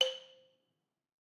<region> pitch_keycenter=72 lokey=69 hikey=74 volume=9.278741 offset=183 lovel=100 hivel=127 ampeg_attack=0.004000 ampeg_release=30.000000 sample=Idiophones/Struck Idiophones/Balafon/Hard Mallet/EthnicXylo_hardM_C4_vl3_rr1_Mid.wav